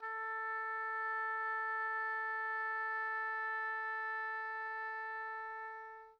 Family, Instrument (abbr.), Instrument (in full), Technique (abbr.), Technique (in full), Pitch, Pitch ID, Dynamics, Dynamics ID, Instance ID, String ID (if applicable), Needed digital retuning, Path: Winds, Ob, Oboe, ord, ordinario, A4, 69, pp, 0, 0, , FALSE, Winds/Oboe/ordinario/Ob-ord-A4-pp-N-N.wav